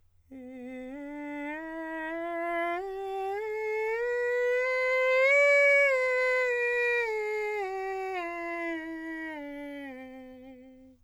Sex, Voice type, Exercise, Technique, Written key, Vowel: male, countertenor, scales, straight tone, , e